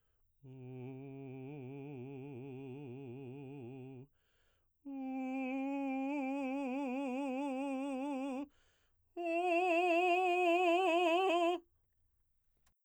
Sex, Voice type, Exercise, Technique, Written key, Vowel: male, baritone, long tones, trill (upper semitone), , u